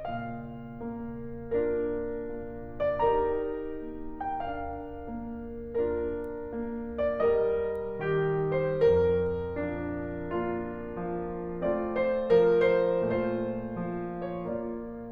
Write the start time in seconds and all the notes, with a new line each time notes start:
0.00 A#2 F5
0.89 A#3
1.57 D4 F4 A#4
2.29 A#3
2.77 D5
3.01 D#4 G4 A#4 A#5
3.78 A#3
4.26 G5
4.44 D4 F4 F5
5.06 A#3
5.77 D4 F4 A#4
6.54 A#3
7.09 D5
7.27 G3 A#4 D#5
7.98 D#3 G4
8.52 C5
8.80 F2 A#4
9.58 F3 D4
10.31 A#3 D4 F4
10.98 F3
11.63 A3 C4 F4 D5
11.97 C5
12.32 F3 A#4
12.72 C5
13.03 A#2 A3 F4 C5
13.78 F3
14.26 C#5
14.42 A#3 D5